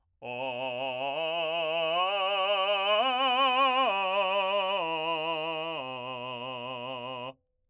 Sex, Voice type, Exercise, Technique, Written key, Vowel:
male, , arpeggios, belt, , o